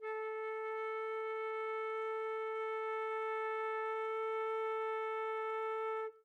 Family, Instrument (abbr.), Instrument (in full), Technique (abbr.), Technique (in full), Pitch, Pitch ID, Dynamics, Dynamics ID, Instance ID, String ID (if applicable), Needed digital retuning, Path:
Winds, Fl, Flute, ord, ordinario, A4, 69, mf, 2, 0, , FALSE, Winds/Flute/ordinario/Fl-ord-A4-mf-N-N.wav